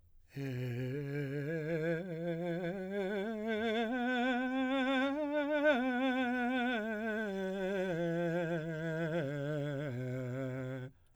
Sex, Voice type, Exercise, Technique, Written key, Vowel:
male, , scales, slow/legato piano, C major, e